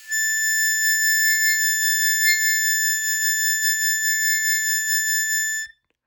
<region> pitch_keycenter=93 lokey=92 hikey=97 tune=-1 volume=4.939608 trigger=attack ampeg_attack=0.100000 ampeg_release=0.100000 sample=Aerophones/Free Aerophones/Harmonica-Hohner-Special20-F/Sustains/Vib/Hohner-Special20-F_Vib_A5.wav